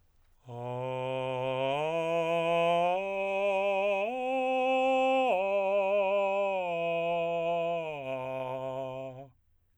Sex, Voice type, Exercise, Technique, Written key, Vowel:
male, tenor, arpeggios, straight tone, , a